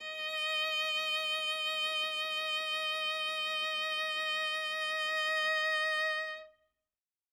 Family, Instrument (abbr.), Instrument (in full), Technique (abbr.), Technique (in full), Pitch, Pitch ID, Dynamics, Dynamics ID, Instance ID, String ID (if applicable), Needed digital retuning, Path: Strings, Va, Viola, ord, ordinario, D#5, 75, ff, 4, 0, 1, TRUE, Strings/Viola/ordinario/Va-ord-D#5-ff-1c-T12u.wav